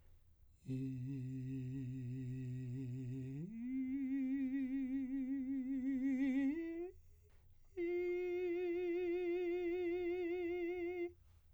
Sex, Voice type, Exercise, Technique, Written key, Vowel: male, , long tones, full voice pianissimo, , i